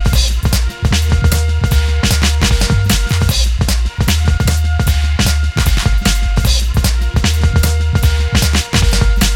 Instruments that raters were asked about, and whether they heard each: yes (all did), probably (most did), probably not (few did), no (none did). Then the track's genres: violin: no
guitar: no
saxophone: no
cymbals: yes
Hip-Hop Beats; Instrumental